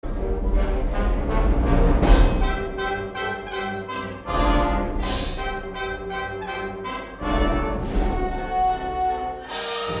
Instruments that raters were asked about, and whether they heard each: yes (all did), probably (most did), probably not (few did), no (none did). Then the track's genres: trumpet: yes
trombone: yes
Classical